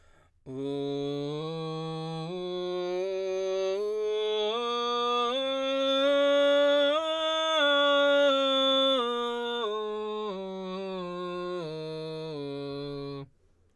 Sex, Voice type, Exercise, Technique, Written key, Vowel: male, baritone, scales, belt, , u